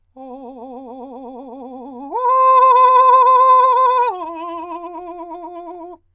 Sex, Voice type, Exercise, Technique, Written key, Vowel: male, countertenor, long tones, trillo (goat tone), , o